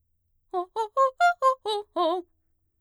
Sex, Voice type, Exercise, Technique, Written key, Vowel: female, mezzo-soprano, arpeggios, fast/articulated forte, F major, o